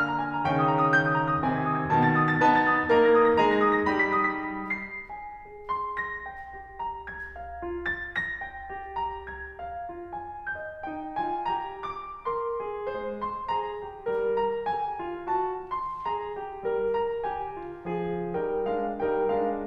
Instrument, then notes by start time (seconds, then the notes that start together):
piano
0.00 F6
0.13 A#5
0.26 G#5
0.37 A#5
0.48 C#3 D#3 C#4 G5
0.62 D#6
0.74 A#5
0.85 D#6
0.99 G6
1.11 D#6
1.25 A#5
1.36 D#6
1.47 C3 D#3 C4 G#5
1.58 G#6
1.70 D#6
1.80 G#6
1.90 B2 D#3 B3 A5
2.01 A6
2.15 D#6
2.26 A6
2.38 B3 D#4 B4 A5
2.57 A6
2.69 D#6
2.79 A6
2.90 A#3 D#4 A#4 A#5
3.05 A#6
3.19 D#6
3.33 A#6
3.44 G#3 D#4 G#4 A#5
3.53 A#6
3.67 D#6
3.82 A#6
3.96 G3 D#4 G4 B5
4.14 B6
4.31 D#6
4.53 B6
4.81 C7
5.13 G#5
5.45 G#4
5.68 C6
5.97 A#6
6.28 G5
6.54 G4
6.78 A#5
7.08 G#6
7.35 F5
7.62 F4
7.87 A6
8.10 A#6
8.38 G5
8.68 G4
8.97 A#5
9.29 G#6
9.60 F5
9.93 F4
10.17 G#5
10.55 D#5 G6
10.84 D#4 G5
11.15 F4 G#5
11.46 G4 A#5
11.80 D6
12.24 A#4 C6
12.60 G#4
12.97 G#3 C5
13.24 C6
13.55 G#4 A#5
13.79 G4
14.02 G3 A#4
14.36 A#5
14.65 G4 G#5
14.99 F4
15.30 F#4 A5
15.70 C6
16.06 G#4 A#5
16.36 G4
16.67 G3 A#4
16.95 A#5
17.25 G4 G#5
17.55 F4
17.94 F3 G#4
18.38 G3 D#4 A#4 G5
18.66 G#3 D4 F5
19.05 G3 D#4 A#4 G5
19.35 G#3 D4 F5